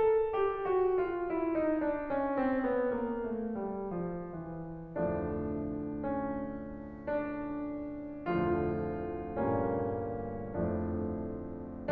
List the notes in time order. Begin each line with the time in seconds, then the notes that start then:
0.01 A4
0.33 G4
0.66 F#4
1.06 F4
1.36 E4
1.54 D#4
1.74 D4
2.02 C#4
2.38 C4
2.65 B3
2.91 A#3
3.26 A3
3.59 G3
3.94 F3
4.35 E3
4.86 D2 F2 A2 D3 F3 A3 D4
5.85 C#4
7.06 D4
8.44 D2 F2 A2 D3 F3 A3 F4
9.38 G2 A#2 G3 A#3 C#4
10.54 F2 A2 F3 A3 D4